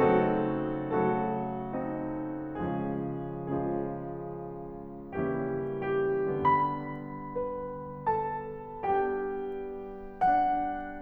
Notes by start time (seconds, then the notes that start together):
0.00 C#3 F#3 A3 C4 D#4 F#4 A4
0.92 C#3 F#3 A3 F#4 A4
1.75 C4 D#4
2.59 C#3 F3 G#3 C#4 F4 G#4
3.41 C#3 F3 G#3 C#4 F4 G#4
5.14 C#3 E3 G3 A#3 C#4 E4 G4
5.94 D3 G3 B3 G4
6.48 B5
7.19 B4
8.20 A4 A5
8.97 G3 B3 D4 G4 G5
10.22 D4 F#5